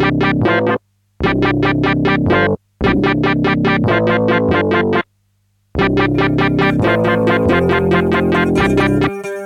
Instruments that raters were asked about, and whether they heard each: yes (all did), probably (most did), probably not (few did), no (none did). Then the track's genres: saxophone: no
trombone: probably not
synthesizer: yes
voice: no
Comedy; Punk; Experimental Pop